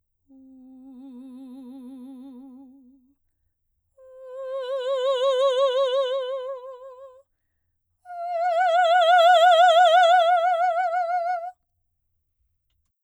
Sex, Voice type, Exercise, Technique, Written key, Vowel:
female, soprano, long tones, messa di voce, , u